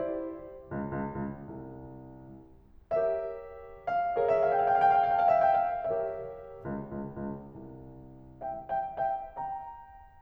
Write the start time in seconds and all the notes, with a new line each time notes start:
0.01 E4 G4 C5
0.69 C#2
0.98 C#2
1.22 C#2
1.49 C2
2.92 G4 A#4 C#5 E5
3.88 F5
4.17 G#4 A#4 C#5 G5
4.28 F5
4.34 F5 G5
4.44 G5
4.49 F5
4.55 G5
4.61 F5
4.67 G5
4.73 F5
4.79 G5
4.86 F5
4.94 G5
5.04 F5
5.13 G5
5.18 F5
5.24 G5
5.30 F5
5.36 E5
5.52 G5
5.69 F5
5.81 G4 A#4 C#5 E5
6.68 C#2
6.93 C#2
7.17 C#2
7.53 C2
8.42 E5 G5
8.72 E5 G5
8.95 E5 G5
9.21 G5 A#5